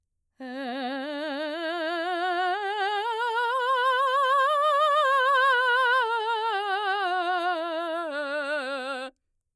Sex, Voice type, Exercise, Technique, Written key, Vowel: female, mezzo-soprano, scales, vibrato, , e